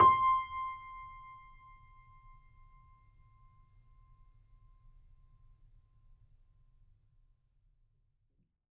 <region> pitch_keycenter=84 lokey=84 hikey=85 volume=3.662811 lovel=66 hivel=99 locc64=0 hicc64=64 ampeg_attack=0.004000 ampeg_release=0.400000 sample=Chordophones/Zithers/Grand Piano, Steinway B/NoSus/Piano_NoSus_Close_C6_vl3_rr1.wav